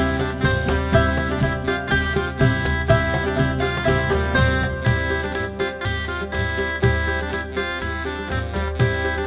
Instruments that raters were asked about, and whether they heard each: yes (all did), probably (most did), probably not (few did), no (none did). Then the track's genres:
banjo: probably not
mandolin: probably
accordion: probably
Soundtrack; Ambient Electronic; Unclassifiable